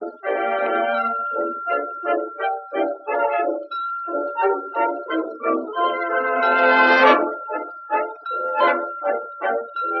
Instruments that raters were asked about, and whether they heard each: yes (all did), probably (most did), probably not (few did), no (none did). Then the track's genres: organ: no
trumpet: probably
trombone: no
Classical; Old-Time / Historic